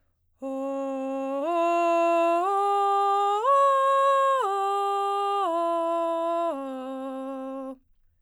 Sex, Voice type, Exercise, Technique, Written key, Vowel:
female, soprano, arpeggios, breathy, , o